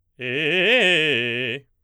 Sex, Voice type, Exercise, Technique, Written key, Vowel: male, baritone, arpeggios, fast/articulated forte, C major, e